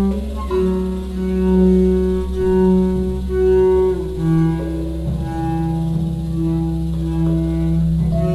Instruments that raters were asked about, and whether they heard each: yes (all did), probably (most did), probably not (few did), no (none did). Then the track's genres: saxophone: probably not
clarinet: yes
Folk; Soundtrack; Experimental